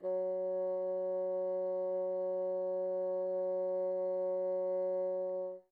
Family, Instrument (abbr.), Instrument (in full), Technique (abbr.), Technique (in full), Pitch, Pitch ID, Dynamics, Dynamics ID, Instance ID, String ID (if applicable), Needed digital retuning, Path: Winds, Bn, Bassoon, ord, ordinario, F#3, 54, pp, 0, 0, , TRUE, Winds/Bassoon/ordinario/Bn-ord-F#3-pp-N-T23d.wav